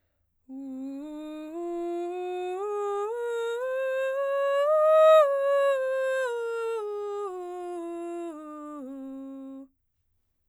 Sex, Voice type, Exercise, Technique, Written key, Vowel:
female, soprano, scales, breathy, , u